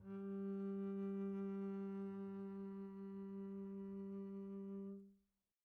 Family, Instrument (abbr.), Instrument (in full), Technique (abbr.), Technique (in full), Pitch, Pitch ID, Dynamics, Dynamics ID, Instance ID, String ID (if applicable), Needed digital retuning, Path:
Strings, Cb, Contrabass, ord, ordinario, G3, 55, pp, 0, 1, 2, TRUE, Strings/Contrabass/ordinario/Cb-ord-G3-pp-2c-T13d.wav